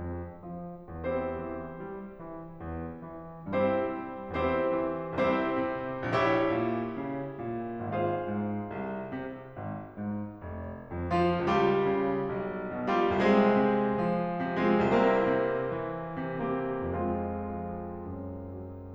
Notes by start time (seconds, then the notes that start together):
0.01 F2
0.51 F3
0.87 E2 C4 E4 G4 C5
1.53 E3
1.88 G3
2.19 E3
2.72 E2
3.05 E3
3.51 G2 C4 E4 G4 C5
3.99 G3
4.38 E2 C4 E4 G4 C5
4.93 E3
5.29 C2 C4 E4 G4 C5
5.68 C3
6.05 A#1 E4 G4 C#5 E5
6.54 A#2
6.98 C#3
7.38 A#2
7.94 G#1 F4 G#4 C5 F5
8.30 G#2
8.68 C2
9.14 C3
9.58 G#1
9.96 G#2
10.46 F1
10.89 F2
11.11 F3 F4
11.44 D2
11.91 D3
12.31 B1
12.70 B2
12.88 G3 F4 G4
13.19 C2
13.51 C3
13.97 F3
14.49 C3
14.64 G#3 C4 F4 G#4
14.83 C2 A#4
15.17 C3
15.60 F3
16.27 C3
16.64 A#3 C4 E4 G4
16.88 F2 G#3 C4 F4
17.76 F3
18.22 F#2
18.61 F#3